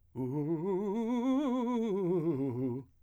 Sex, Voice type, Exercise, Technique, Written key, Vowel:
male, , scales, fast/articulated piano, C major, u